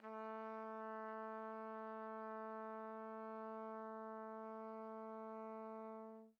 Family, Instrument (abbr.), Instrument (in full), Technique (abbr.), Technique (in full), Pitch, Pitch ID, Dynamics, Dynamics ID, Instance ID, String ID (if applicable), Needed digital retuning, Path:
Brass, TpC, Trumpet in C, ord, ordinario, A3, 57, pp, 0, 0, , TRUE, Brass/Trumpet_C/ordinario/TpC-ord-A3-pp-N-T10d.wav